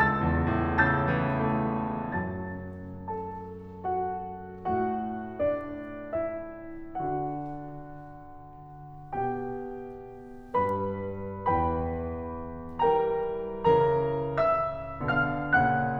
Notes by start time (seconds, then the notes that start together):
0.00 C#2 A5 E6 A6
0.29 E2
0.59 A2
0.93 C#3 A5 E6 G6 A6
1.45 E3
1.81 A3
2.15 F#2 F#3 A5 A6
3.07 A4 A5
3.94 F#4 F#5
4.69 A2 A3 F#4 F#5
5.41 D4 D5
6.16 E4 E5
7.00 D3 D4 F#4 F#5
9.13 B2 B3 G4 G5
10.65 G2 G3 B4 B5
11.45 E2 E3 B4 G5 B5
12.79 E3 G3 A#4 G5 A#5
13.57 C#3 E3 A#4 A#5
14.29 E5 E6
15.13 B2 D3 F5 F6
15.57 A#2 C#3 F#5 F#6